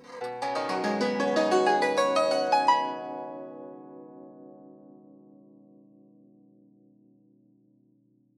<region> pitch_keycenter=66 lokey=66 hikey=66 volume=7.000000 offset=1071 ampeg_attack=0.004000 ampeg_release=0.300000 sample=Chordophones/Zithers/Dan Tranh/Gliss/Gliss_Up_Slw_ff_2.wav